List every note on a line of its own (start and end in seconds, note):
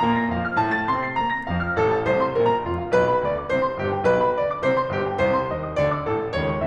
0.00 0.15 A#2
0.00 0.15 A#5
0.15 0.28 A#3
0.15 0.28 A#6
0.28 0.45 F2
0.28 0.45 F5
0.45 0.59 F3
0.45 0.59 F6
0.60 0.74 A2
0.60 0.74 A5
0.74 0.87 A3
0.74 0.87 A6
0.87 1.00 C3
0.87 1.00 C6
1.00 1.15 C4
1.00 1.15 C7
1.16 1.31 A#2
1.16 1.31 A#5
1.31 1.45 A#3
1.31 1.45 A#6
1.45 1.58 F2
1.45 1.58 F5
1.58 1.74 F3
1.58 1.74 F6
1.75 1.87 A1
1.75 1.87 A4
1.87 2.04 A2
1.87 2.04 A5
2.04 2.21 C2
2.04 2.21 C5
2.21 2.35 C3
2.21 2.35 C6
2.36 2.47 A#1
2.36 2.47 A#4
2.47 2.59 A#2
2.47 2.59 A#5
2.59 2.73 F1
2.59 2.73 F4
2.73 2.87 F2
2.73 2.87 F5
2.88 3.01 B1
2.88 3.01 B4
3.01 3.15 B2
3.01 3.15 B5
3.15 3.27 D2
3.15 3.27 D5
3.27 3.41 D3
3.27 3.41 D6
3.44 3.56 C2
3.44 3.56 C5
3.56 3.75 C3
3.56 3.75 C6
3.75 3.90 G1
3.75 3.90 G4
3.90 4.04 G2
3.90 4.04 G5
4.05 4.19 B1
4.05 4.19 B4
4.19 4.37 B2
4.19 4.37 B5
4.37 4.50 D2
4.37 4.50 D5
4.50 4.63 D3
4.50 4.63 D6
4.64 4.77 C2
4.64 4.77 C5
4.77 4.89 C3
4.77 4.89 C6
4.89 5.07 G1
4.89 5.07 G4
5.07 5.20 G2
5.07 5.20 G5
5.21 5.35 C2
5.21 5.35 C5
5.35 5.51 C3
5.35 5.51 C6
5.51 5.65 D#2
5.51 5.65 D#5
5.65 5.78 D#3
5.65 5.78 D#6
5.79 5.91 D2
5.79 5.91 D5
5.91 6.04 D3
5.91 6.04 D6
6.04 6.16 A1
6.04 6.16 A4
6.16 6.28 A2
6.16 6.28 A5
6.29 6.41 C#2
6.29 6.41 C#5
6.41 6.56 C#3
6.41 6.56 C#6
6.56 6.66 E2
6.56 6.66 E5